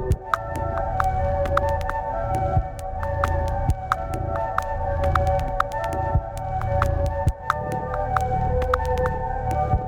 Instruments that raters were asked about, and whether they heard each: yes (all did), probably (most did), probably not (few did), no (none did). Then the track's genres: organ: probably not
Ambient; Minimalism